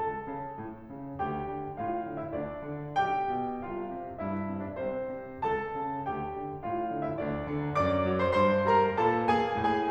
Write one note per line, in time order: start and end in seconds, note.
0.00 0.24 C#2
0.00 1.21 A4
0.00 1.21 A5
0.26 0.55 C#3
0.56 0.89 A2
0.92 1.21 C#3
1.22 1.53 D2
1.22 1.76 G4
1.22 1.76 G5
1.54 1.76 D3
1.78 1.99 A2
1.78 2.14 F4
1.78 2.14 F5
2.01 2.30 D3
2.15 2.30 E4
2.15 2.30 E5
2.35 2.67 D2
2.35 2.94 D4
2.35 2.94 D5
2.68 2.94 D3
2.96 3.27 B1
2.96 3.62 G4
2.96 3.62 G5
3.29 3.62 B2
3.63 3.90 C2
3.63 4.17 F4
3.63 4.17 F5
3.91 4.17 C3
4.18 4.46 G2
4.18 4.59 E4
4.18 4.59 E5
4.47 4.77 C3
4.61 4.77 D4
4.61 4.77 D5
4.78 5.12 C2
4.78 5.41 C4
4.78 5.41 C5
5.14 5.41 C3
5.42 5.79 C#2
5.42 6.10 A4
5.42 6.10 A5
5.80 6.10 C#3
6.11 6.36 D2
6.11 6.66 G4
6.11 6.66 G5
6.37 6.66 D3
6.68 6.91 A2
6.68 7.08 F4
6.68 7.08 F5
6.93 7.22 D3
7.09 7.22 E4
7.09 7.22 E5
7.22 7.53 D2
7.22 7.83 D4
7.22 7.83 D5
7.55 7.83 D3
7.84 8.05 F#2
7.84 8.20 D5
7.84 8.20 D6
8.06 8.34 F#3
8.21 8.34 C5
8.21 8.34 C6
8.36 8.64 G2
8.36 8.64 C5
8.36 8.64 C6
8.65 8.88 G3
8.65 8.88 A#4
8.65 8.88 A#5
8.90 9.24 A#2
8.90 9.24 A4
8.90 9.24 A5
9.26 9.53 A#3
9.26 9.53 G#4
9.26 9.53 G#5
9.56 9.89 A2
9.56 9.89 G#4
9.56 9.89 G#5